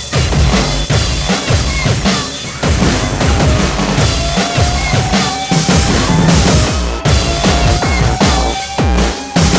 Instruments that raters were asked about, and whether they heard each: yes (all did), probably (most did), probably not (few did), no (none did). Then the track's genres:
accordion: no
banjo: no
drums: yes
cello: no
Noise-Rock